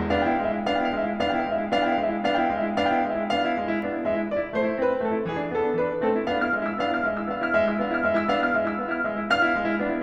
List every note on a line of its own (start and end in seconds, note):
0.01 0.41 B3
0.01 0.41 D4
0.01 0.23 F5
0.12 0.33 G5
0.24 0.54 E4
0.24 0.49 F5
0.41 0.69 G#3
0.41 0.69 E5
0.54 0.83 E4
0.69 0.96 B3
0.69 0.96 D4
0.69 0.83 F5
0.77 0.90 G5
0.84 1.10 E4
0.84 1.03 F5
0.96 1.25 G#3
0.96 1.25 E5
1.11 1.40 E4
1.25 1.55 B3
1.25 1.55 D4
1.25 1.40 F5
1.33 1.47 G5
1.41 1.67 E4
1.41 1.62 F5
1.55 1.74 G#3
1.55 1.74 E5
1.67 1.90 E4
1.75 2.01 B3
1.75 2.01 D4
1.75 1.90 F5
1.83 1.94 G5
1.91 2.11 E4
1.91 2.10 F5
2.03 2.25 G#3
2.03 2.25 E5
2.11 2.37 E4
2.26 2.49 B3
2.26 2.49 D4
2.26 2.37 F5
2.33 2.43 G5
2.37 2.64 E4
2.37 2.56 F5
2.50 2.77 G#3
2.50 2.77 E5
2.64 2.91 E4
2.78 3.05 B3
2.78 3.05 D4
2.78 2.91 F5
2.85 2.97 G5
2.91 3.20 E4
2.91 3.13 F5
3.06 3.31 G#3
3.06 3.31 E5
3.20 3.44 E4
3.33 3.58 B3
3.33 3.58 D4
3.33 4.03 F5
3.45 3.74 E4
3.58 3.90 G#3
3.76 3.98 E4
3.90 4.03 B3
3.90 4.03 D4
3.98 4.17 E4
4.03 4.28 G#3
4.03 4.28 E5
4.19 4.41 E4
4.28 4.53 B3
4.28 4.53 D4
4.28 4.53 D5
4.42 4.63 E4
4.53 4.78 A3
4.53 4.63 C5
4.58 4.71 D5
4.64 4.91 E4
4.64 4.86 C5
4.79 5.01 C4
4.79 5.01 B4
4.92 5.15 E4
5.02 5.28 A3
5.02 5.28 A4
5.15 5.43 E4
5.28 5.54 E3
5.28 5.54 G#4
5.43 5.66 D4
5.56 5.78 B3
5.56 5.78 A4
5.66 5.94 D4
5.79 6.04 E3
5.79 6.04 B4
5.94 6.16 D4
6.05 6.29 A3
6.05 6.29 C4
6.05 6.29 A4
6.16 6.39 E4
6.30 6.52 B3
6.30 6.52 D4
6.30 6.52 F5
6.40 6.65 E4
6.40 6.65 F6
6.52 6.79 G#3
6.52 6.79 E5
6.66 6.93 E4
6.66 6.93 E6
6.79 7.03 B3
6.79 7.03 D4
6.79 7.03 F5
6.94 7.17 E4
6.94 7.17 F6
7.03 7.30 G#3
7.03 7.30 E5
7.18 7.42 E4
7.18 7.42 E6
7.30 7.49 B3
7.30 7.49 D4
7.30 7.49 F5
7.42 7.65 E4
7.42 7.65 F6
7.49 7.78 G#3
7.49 7.78 E5
7.66 7.87 E4
7.66 7.87 E6
7.78 7.98 B3
7.78 7.98 D4
7.78 7.98 F5
7.87 8.13 E4
7.87 8.13 F6
7.99 8.28 G#3
7.99 8.28 E5
8.13 8.42 E4
8.13 8.42 E6
8.30 8.56 B3
8.30 8.56 D4
8.30 8.56 F5
8.42 8.69 E4
8.42 8.69 F6
8.57 8.82 G#3
8.57 8.82 E5
8.69 8.93 E4
8.69 8.93 E6
8.83 9.04 B3
8.83 9.04 D4
8.83 9.04 F5
8.93 9.20 E4
8.93 9.20 F6
9.06 9.28 G#3
9.06 9.28 E5
9.06 9.28 E6
9.20 9.43 E4
9.29 9.56 B3
9.29 9.56 D4
9.29 10.03 F5
9.29 10.03 F6
9.44 9.68 E4
9.56 9.83 G#3
9.69 9.90 E4
9.83 10.03 B3
9.83 10.03 D4
9.90 10.03 E4